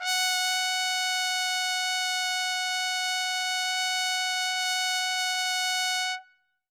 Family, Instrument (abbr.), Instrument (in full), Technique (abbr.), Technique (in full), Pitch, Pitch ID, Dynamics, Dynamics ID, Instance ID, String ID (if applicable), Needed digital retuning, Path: Brass, TpC, Trumpet in C, ord, ordinario, F#5, 78, ff, 4, 0, , FALSE, Brass/Trumpet_C/ordinario/TpC-ord-F#5-ff-N-N.wav